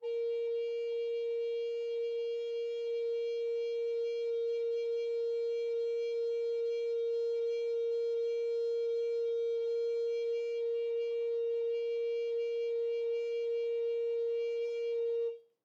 <region> pitch_keycenter=70 lokey=70 hikey=71 volume=12.123615 offset=515 ampeg_attack=0.004000 ampeg_release=0.300000 sample=Aerophones/Edge-blown Aerophones/Baroque Alto Recorder/Sustain/AltRecorder_Sus_A#3_rr1_Main.wav